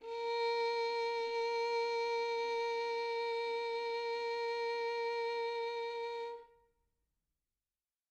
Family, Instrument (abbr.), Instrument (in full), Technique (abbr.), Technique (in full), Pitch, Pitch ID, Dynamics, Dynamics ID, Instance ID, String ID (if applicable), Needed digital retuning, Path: Strings, Vn, Violin, ord, ordinario, A#4, 70, mf, 2, 3, 4, FALSE, Strings/Violin/ordinario/Vn-ord-A#4-mf-4c-N.wav